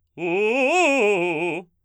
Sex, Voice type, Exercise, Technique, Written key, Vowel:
male, baritone, arpeggios, fast/articulated forte, F major, u